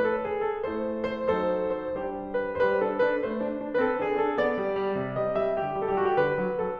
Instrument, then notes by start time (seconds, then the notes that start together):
piano
0.01 B4
0.10 A4
0.28 G#4
0.51 A4
0.71 A3 E4 A4 C5
1.19 C5
1.40 F#3 D#4 A4 C5
1.82 C5
2.03 G3 D4 G4 C5
2.32 B4
2.54 G3 C5
2.59 B4
2.79 D4 A4
3.04 D4 B4
3.23 A3 C5
3.42 D4
3.59 D4
3.79 C4 B4
3.84 A4
4.01 D4 G#4
4.22 D4 A4
4.42 B3 D5
4.57 G3
4.79 G3
5.00 C3
5.21 G3 D#5
5.42 G3 E5
5.60 D3 G4
5.80 G3
6.01 G3 A4
6.07 G4
6.11 F#4 G4
6.21 D3 B4
6.43 F#3
6.60 F#3 A4